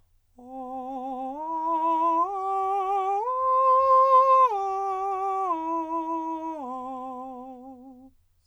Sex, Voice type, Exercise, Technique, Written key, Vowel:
male, countertenor, arpeggios, slow/legato forte, C major, o